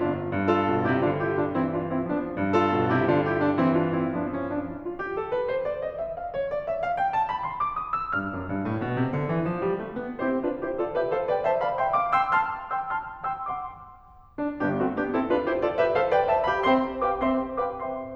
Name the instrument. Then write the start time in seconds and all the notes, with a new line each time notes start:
piano
0.00 G1 D4 F4
0.31 G2
0.51 F4 A4
0.71 B2
0.85 C3 E4 G4
1.03 D3 D4 F4
1.21 E4 G4
1.38 D4 F4
1.52 E3 C4 E4
1.68 D4 F4
1.83 C4 E4
2.00 F3 B3 D4
2.33 G2
2.52 F4 A4
2.74 B2
2.94 C3 E4 G4
3.12 D3 D4 F4
3.29 E4 G4
3.47 D4 F4
3.58 E3 C4 E4
3.73 D4 F4
3.90 C4 E4
4.08 G2 F3 B3 D4
4.31 C#4
4.50 D4
4.68 E4
4.84 F4
4.98 G4
5.15 A4
5.34 B4
5.48 C5
5.67 D5
5.84 D#5
6.00 E5
6.15 F5
6.30 C#5
6.49 D5
6.69 E5
6.82 F5
6.98 G5
7.12 A5
7.29 B5
7.50 C6
7.64 D6
7.80 D#6
7.96 E6
8.13 G2 F6
8.30 F#2
8.49 G2
8.66 A2
8.84 B2
8.99 C3
9.14 D3
9.29 E3
9.49 F3
9.64 G3
9.83 A3
10.02 B3
10.17 C4 E4 G4 C5
10.37 D4 F4 B4
10.55 E4 G4 C5
10.72 F4 A4 D5
10.93 G4 B4 E5
11.09 A4 C5 F5
11.30 B4 D5 G5
11.44 C5 E5 A5
11.60 D5 F5 B5
11.75 E5 G5 C6
11.92 F5 A5 D6
12.11 G5 C6 E6
12.25 A5 C6 F6
12.70 G5 C6 E6
12.91 A5 C6 F6
13.28 G5 C6 E6
13.48 F#5 C6 D6
14.40 D4
14.57 G1 G2 B3 D4 G4
14.77 A3 C4 F#4
14.97 B3 D4 G4
15.15 C4 E4 A4
15.36 D4 F4 B4
15.49 E4 G4 C5
15.65 F4 A4 D5
15.85 G4 B4 E5
16.01 A4 C5 F5
16.11 B4 D5 G5
16.29 C5 E5 A5
16.44 G4 D5 F5 B5
16.63 C4 C5 E5 G5 C6
17.01 G4 B4 F5 G5 D6
17.22 C4 C5 E5 G5 C6
17.60 G4 B4 F5 G5 D6
17.80 C4 C5 E5 G5 C6